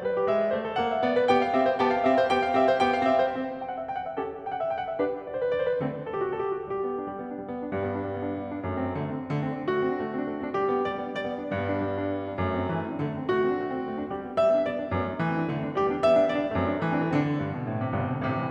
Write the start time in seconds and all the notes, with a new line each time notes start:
0.00 G3 B4
0.15 G4
0.29 G#3 E5
0.42 D5
0.52 A3 C5
0.66 A4
0.74 A#3 F#5
0.92 E5
1.02 B3 D5
1.15 B4
1.30 B3 G4 G5
1.44 F5
1.52 C4 G4 E5
1.66 C5
1.80 B3 G4 G5
1.92 F5
2.08 C4 G4 E5
2.18 C5
2.31 B3 G4 G5
2.44 F5
2.58 C4 G4 E5
2.68 C5
2.77 B3 G4 G5
2.90 F5
3.04 C4 G4 E5
3.19 C5
3.32 C4 G4
3.58 G5
3.67 F#5
3.77 E5
3.91 G5
4.01 F#5
4.09 E5
4.16 C#4 G4 A4
4.44 G5
4.56 F#5
4.64 E5
4.71 G5
4.79 F#5
4.90 E5
4.99 D4 G4 B4
5.20 D5
5.27 C5
5.40 B4
5.48 D5
5.57 C5
5.70 B4
5.78 D3 A3 C4
6.08 A4
6.15 G4
6.22 F#4
6.34 A4
6.54 G4
6.62 F#4
6.71 G3 G4
6.82 B3
6.90 D4
7.05 G3
7.17 B3
7.30 D4
7.42 G3
7.51 B3
7.64 D4
7.73 G2 G3
7.84 B3
7.92 D4
8.03 G3
8.15 B3
8.22 D4
8.32 G3
8.41 B3
8.53 D4
8.63 F#2 A3
8.75 C4
8.86 D4
8.97 D3 A3
9.09 C4
9.25 D4
9.36 D3 A3
9.46 C4
9.60 D4
9.68 A3 F#4
9.78 C4
9.85 D4
9.94 A3
10.02 C4
10.14 D4
10.24 A3
10.33 C4
10.45 D4
10.54 G3 G4
10.61 B3
10.79 D4
10.87 G3 D5
10.95 B3
11.03 D4
11.16 G3 D5
11.25 B3
11.37 D4
11.48 G2 G3
11.58 B3
11.63 D4
11.71 G3
11.87 B3
11.97 D4
12.06 G3
12.16 B3
12.24 D4
12.32 F#2 A3
12.41 C4
12.56 D4
12.65 E3 A3
12.76 C4
12.91 D4
13.04 D3 A3
13.12 C4
13.22 D4
13.31 A3 F#4
13.40 C4
13.53 D4
13.62 A3
13.71 C4
13.85 D4
13.93 A3
14.01 C4
14.08 D4
14.15 G3 G4
14.22 B3
14.29 D4
14.37 G3 E5
14.51 B3
14.63 D4
14.71 G3 D5
14.78 B3
14.86 D4
14.93 F#2 A3
15.01 C4
15.12 D4
15.22 E3 A3
15.31 C4
15.39 D4
15.49 D3 A3
15.57 C4
15.66 D4
15.74 G3 G4
15.81 B3
15.91 D4
16.00 G3 E5
16.10 B3
16.18 D4
16.25 G3 D5
16.31 B3
16.39 D4
16.50 F#2 A3
16.59 C4
16.67 D4
16.78 E3 A3
16.86 C4
16.94 D4
17.01 D3 A3
17.11 C4
17.24 D4
17.36 G2
17.55 B2
17.67 A2
17.79 C3
17.93 G1 G2 B2
18.10 D3
18.25 A1 A2 C3
18.38 E3